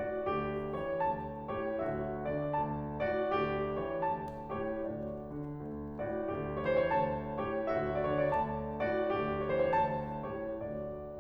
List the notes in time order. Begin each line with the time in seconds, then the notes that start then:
0.00 D3 F#4 D5
0.31 D2 G4
0.80 E3 C#5
1.03 D2 A5
1.52 A2 G4 C#5
1.86 D2 F#4 E5
2.32 D3 D5
2.53 D2 A5
3.05 A2 F#4 D5
3.31 D2 G4
3.83 E3 C#5
4.10 D2 A5
4.52 A2 G4 C#5
4.85 D2 F#4 D5
5.35 D3
5.57 D2
6.01 C#3 F#4 D5
6.20 D2 G4
6.54 C#5
6.65 E3 C5
6.77 C#5
6.91 D2 A5
7.41 A2 G4 C#5
7.71 D2 F#4 E5
8.02 D5
8.10 D3 C#5
8.20 D5
8.32 D2 A5
8.89 A2 F#4 D5
9.14 D2 G4
9.44 C#5
9.57 E3 C5
9.65 C#5
9.74 D2 A5
10.26 A2 G4 C#5
10.63 D2 F#4 D5